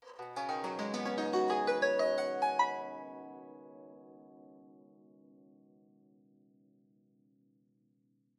<region> pitch_keycenter=65 lokey=65 hikey=65 volume=7.000000 offset=1353 ampeg_attack=0.004000 ampeg_release=0.300000 sample=Chordophones/Zithers/Dan Tranh/Gliss/Gliss_Up_Slw_mf_1.wav